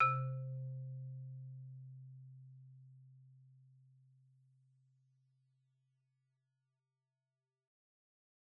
<region> pitch_keycenter=48 lokey=45 hikey=51 volume=14.443122 offset=2 xfin_lovel=84 xfin_hivel=127 ampeg_attack=0.004000 ampeg_release=15.000000 sample=Idiophones/Struck Idiophones/Marimba/Marimba_hit_Outrigger_C2_loud_01.wav